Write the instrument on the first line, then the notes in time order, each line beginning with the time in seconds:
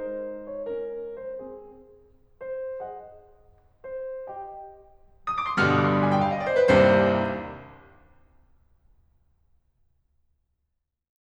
piano
0.00 G#3 D#4 C5
0.51 C#5
0.66 C#4 A#4
1.17 C5
1.39 C4 G#4
2.43 C5
2.82 G#4 D#5 F#5
3.84 C5
4.30 G4 D#5 G5
5.26 D#6
5.38 D6
5.48 C6
5.57 G2 A#2 D3 G3 F6
5.68 D#6
5.77 D6
5.87 C6
5.98 B5
6.07 G#5
6.18 G5
6.26 F5
6.35 D#5
6.46 D5
6.54 C5
6.64 B4
6.78 C2 D#2 G2 C3 C5
9.04 C4